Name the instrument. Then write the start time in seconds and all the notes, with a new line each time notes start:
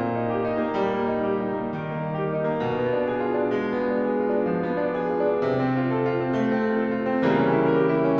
piano
0.00 A#3
0.14 D#4
0.29 G4
0.44 D#4
0.66 A#3
0.81 G3
0.99 A#3
1.10 D#4
1.25 G4
1.42 D#4
1.56 A#3
1.72 D#3
1.87 A#3
2.00 D#4
2.16 G4
2.30 D#4
2.45 A#3
2.58 B2
2.81 B3
2.93 D4
3.09 G#4
3.25 F4
3.41 D4
3.56 G#3
3.74 B3
3.88 D4
4.05 G#4
4.20 F4
4.33 D4
4.46 F3
4.64 B3
4.76 D4
4.97 G#4
5.15 F4
5.32 D4
5.46 C3
5.61 C4
5.79 F4
5.98 A4
6.13 F4
6.26 C4
6.41 A3
6.54 C4
6.69 F4
6.80 A4
6.94 F4
7.07 C4
7.26 C#3 E3 G3 A#3
7.37 C#4
7.49 E4
7.62 G4
7.71 A#4
7.84 G4
7.93 E4
8.06 C#4